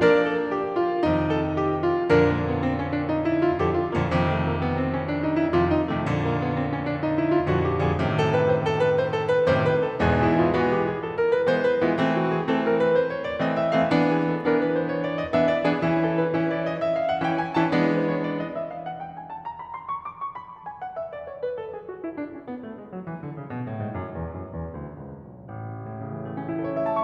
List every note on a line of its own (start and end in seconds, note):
0.01 0.95 F3
0.01 0.95 A#3
0.01 0.95 D4
0.01 0.21 A#4
0.01 0.95 D5
0.21 0.46 A4
0.46 0.69 G4
0.70 0.95 F4
0.95 2.04 F2
0.95 2.04 C3
0.95 2.04 D#3
0.95 2.04 D#4
1.22 1.47 A4
1.48 1.74 G4
1.74 2.04 F4
2.04 3.59 F2
2.04 3.59 A#2
2.04 3.59 D3
2.04 2.21 D4
2.04 2.21 A#4
2.22 2.43 A#3
2.44 2.62 B3
2.62 2.82 C4
2.82 2.98 C#4
2.98 3.12 D4
3.13 3.27 D#4
3.27 3.43 E4
3.43 3.59 F4
3.59 3.98 F2
3.59 3.98 A#2
3.59 3.98 D3
3.59 3.73 G4
3.74 3.94 F4
3.95 4.09 F2
3.95 4.09 A#2
3.95 4.09 D3
3.95 4.09 A#3
4.09 5.56 F2
4.09 5.56 C3
4.09 5.56 D#3
4.27 4.41 A3
4.41 4.51 A#3
4.51 4.66 B3
4.67 4.86 C4
4.86 5.06 C#4
5.06 5.18 D4
5.22 5.38 D#4
5.39 5.56 E4
5.56 5.90 F2
5.56 5.90 C3
5.56 5.90 D#3
5.56 5.74 F4
5.74 5.87 D#4
5.87 6.02 F2
5.87 6.02 C3
5.87 6.02 D#3
5.87 6.02 A3
6.03 7.47 F2
6.03 7.47 A#2
6.03 7.47 D3
6.21 6.36 A#3
6.36 6.52 B3
6.52 6.66 C4
6.67 6.81 C#4
6.84 6.99 D4
6.99 7.19 D#4
7.19 7.34 E4
7.34 7.47 F4
7.48 7.85 F2
7.48 7.85 A#2
7.48 7.85 D3
7.48 7.66 F#4
7.67 7.82 G4
7.82 7.98 G#4
7.87 7.98 F2
7.87 7.98 A#2
7.87 7.98 D3
7.98 9.49 F#2
7.98 9.49 A2
7.98 9.49 C3
7.98 9.49 D3
8.17 8.34 A4
8.35 8.50 B4
8.50 8.67 C5
8.67 8.83 A4
8.83 8.98 B4
8.99 9.14 C5
9.17 9.32 A4
9.32 9.49 B4
9.49 9.86 F#2
9.49 9.86 A2
9.49 9.86 C3
9.49 9.86 D3
9.49 9.67 C5
9.67 9.82 B4
9.83 9.98 F#2
9.83 9.98 A2
9.83 9.98 C3
9.83 9.98 D3
9.83 9.98 A4
9.99 10.52 E2
9.99 10.52 G#2
9.99 10.52 B2
9.99 10.52 E3
9.99 10.16 G#4
10.16 10.39 E4
10.39 10.52 F4
10.54 11.05 E3
10.54 11.05 G#3
10.54 11.05 B3
10.54 10.68 F#4
10.69 10.85 G4
10.85 11.05 G#4
11.05 11.21 A4
11.21 11.31 A#4
11.33 11.48 B4
11.49 11.82 E3
11.49 11.82 G#3
11.49 11.82 B3
11.49 11.63 C5
11.63 11.79 B4
11.79 11.95 E4
11.84 11.95 E3
11.84 11.95 G#3
11.84 11.95 B3
11.96 12.53 E3
11.96 12.53 A3
11.96 12.53 C4
12.17 12.35 F#4
12.35 12.53 G#4
12.53 13.06 E3
12.53 13.06 A3
12.53 13.06 C4
12.53 12.73 A4
12.73 12.89 B4
12.90 13.06 C5
13.07 13.21 C#5
13.21 13.30 D5
13.30 13.46 D#5
13.46 13.84 E3
13.46 13.84 A3
13.46 13.84 C4
13.46 13.62 E5
13.64 13.80 F5
13.80 13.97 F#5
13.84 13.97 E3
13.84 13.97 A3
13.84 13.97 C4
13.97 14.46 E3
13.97 14.46 B3
13.97 14.46 D4
14.14 14.29 G#4
14.30 14.46 A4
14.47 14.89 E3
14.47 14.89 B3
14.47 14.89 D4
14.47 14.63 A#4
14.63 14.76 B4
14.76 14.89 C5
14.89 15.02 C#5
15.03 15.17 D5
15.18 15.35 D#5
15.35 15.67 E3
15.35 15.67 B3
15.35 15.67 D4
15.35 15.49 E5
15.49 15.64 D5
15.66 15.80 E3
15.66 15.80 B3
15.66 15.80 D4
15.66 15.80 G#4
15.81 16.34 E3
15.81 16.34 C#4
15.81 16.34 E4
15.99 16.16 A4
16.16 16.34 B4
16.34 16.81 E3
16.34 16.81 C#4
16.34 16.81 E4
16.34 16.49 C#5
16.50 16.64 D5
16.65 16.81 D#5
16.81 16.98 E5
16.98 17.08 F5
17.10 17.22 F#5
17.24 17.56 E3
17.24 17.56 C#4
17.24 17.56 E4
17.24 17.35 G5
17.35 17.53 G#5
17.53 17.69 A5
17.57 17.69 E3
17.57 17.69 C#4
17.57 17.69 E4
17.69 18.21 E3
17.69 18.21 G#3
17.69 18.21 B3
17.69 18.21 D4
17.86 18.02 B4
18.04 18.21 C#5
18.21 18.38 D5
18.38 18.56 D#5
18.56 18.71 E5
18.72 18.87 F5
18.87 19.03 F#5
19.03 19.20 G5
19.20 19.32 G#5
19.34 19.49 A5
19.50 19.63 A#5
19.63 19.78 B5
19.78 19.95 C6
19.95 20.07 C#6
20.07 20.22 D6
20.23 20.37 C#6
20.37 20.52 B5
20.52 20.65 A5
20.66 20.78 G#5
20.79 20.94 F#5
20.94 21.12 E5
21.12 21.29 D5
21.29 21.43 C#5
21.44 21.58 B4
21.59 21.73 A4
21.73 21.89 G#4
21.89 22.02 F#4
22.03 22.15 E4
22.16 22.31 D4
22.31 22.46 C#4
22.46 22.63 B3
22.63 22.76 A3
22.77 22.89 G#3
22.90 23.02 F#3
23.02 23.16 E3
23.16 23.32 D3
23.33 23.48 C#3
23.49 23.64 B2
23.64 23.77 A2
23.77 23.98 G#2
23.98 24.17 F#2
24.17 24.34 E2
24.35 24.54 F#2
24.55 24.72 E2
24.72 24.99 D2
25.00 25.22 C#2
25.25 25.51 B1
25.55 25.81 A1
25.75 25.90 C#2
25.83 25.99 E2
25.91 26.19 A2
26.00 26.30 C#3
26.22 26.40 E3
26.31 26.49 A3
26.38 26.55 C#4
26.49 26.71 E4
26.56 26.78 A4
26.72 26.89 C#5
26.78 26.95 E5
26.89 27.03 A5
26.96 27.03 C#6